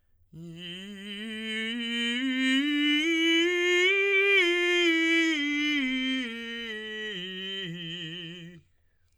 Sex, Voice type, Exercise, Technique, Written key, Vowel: male, tenor, scales, slow/legato piano, F major, i